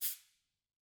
<region> pitch_keycenter=61 lokey=61 hikey=61 volume=8.510225 offset=210 lovel=84 hivel=127 seq_position=2 seq_length=2 ampeg_attack=0.004000 ampeg_release=10.000000 sample=Idiophones/Struck Idiophones/Cabasa/Cabasa1_Rub_v2_rr2_Mid.wav